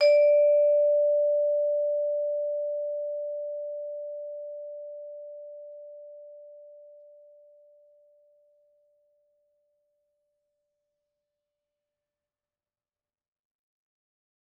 <region> pitch_keycenter=74 lokey=73 hikey=75 volume=4.157508 offset=109 lovel=84 hivel=127 ampeg_attack=0.004000 ampeg_release=15.000000 sample=Idiophones/Struck Idiophones/Vibraphone/Hard Mallets/Vibes_hard_D4_v3_rr1_Main.wav